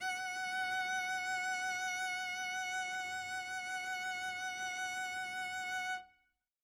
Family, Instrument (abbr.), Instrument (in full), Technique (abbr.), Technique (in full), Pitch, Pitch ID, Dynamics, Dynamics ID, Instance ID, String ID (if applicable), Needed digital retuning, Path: Strings, Vc, Cello, ord, ordinario, F#5, 78, mf, 2, 0, 1, TRUE, Strings/Violoncello/ordinario/Vc-ord-F#5-mf-1c-T12u.wav